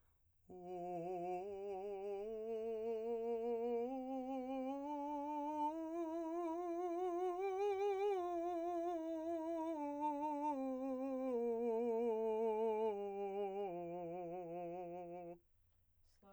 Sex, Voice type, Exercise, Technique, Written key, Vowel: male, , scales, slow/legato piano, F major, o